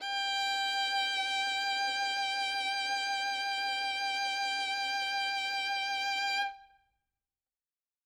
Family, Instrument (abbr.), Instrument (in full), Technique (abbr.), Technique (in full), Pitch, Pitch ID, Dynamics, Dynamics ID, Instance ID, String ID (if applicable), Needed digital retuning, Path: Strings, Vn, Violin, ord, ordinario, G5, 79, ff, 4, 2, 3, FALSE, Strings/Violin/ordinario/Vn-ord-G5-ff-3c-N.wav